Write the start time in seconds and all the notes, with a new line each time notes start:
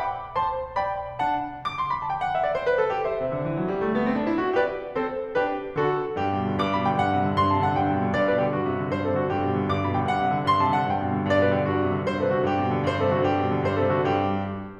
0.00 G5 B5 D6
0.37 C5 A5 C6
0.77 D5 G5 B5
1.23 D4 F#5 A5
1.66 D6
1.76 C6
1.90 B5
2.00 A5
2.09 G5
2.21 F#5
2.35 E5
2.45 D5
2.58 C5
2.72 B4
2.84 A4
2.95 G4
3.08 C5 E5
3.19 C3
3.33 D3
3.46 E3
3.58 F#3
3.69 G3
3.82 A3
3.96 B3
4.08 C4
4.20 D4
4.32 E4
4.45 F#4
4.56 G4 B4 D5
4.96 C4 A4 C5
5.38 D4 G4 B4
5.77 D3 F#4 A4
6.16 G2 G4
6.32 B2
6.43 D3
6.56 G2 D6
6.72 B2 B5
6.85 D3 G5
6.99 G2 F#5
7.09 C3
7.22 D3
7.36 G2 C6
7.52 C3 A5
7.63 D3 F#5
7.77 G2 G5
7.92 B2
8.05 D3
8.16 G2 D5
8.27 B2 B4
8.42 D3 G4
8.54 G2 F#4
8.67 C3
8.79 D3
8.92 G2 C5
9.03 C3 A4
9.18 D3 F#4
9.31 G2 G4
9.42 B2
9.54 D3
9.68 G2 D6
9.81 B2 B5
9.93 D3 G5
10.08 G2 F#5
10.25 C3
10.38 D3
10.47 G2 C6
10.62 C3 A5
10.77 D3 F#5
10.96 G2 G5
11.09 B2
11.20 D3
11.34 G2 D5
11.47 B2 B4
11.61 D3 G4
11.74 G2 F#4
11.84 C3
11.97 D3
12.09 G2 C5
12.18 C3 A4
12.33 D3 F#4
12.46 G2 G4
12.57 B2
12.70 D3
12.82 G2 C5
12.92 C3 A4
13.06 D3 F#4
13.15 G2 G4
13.35 B2
13.48 D3
13.62 G2 C5
13.73 C3 A4
13.94 D3 F#4
14.09 G2 G4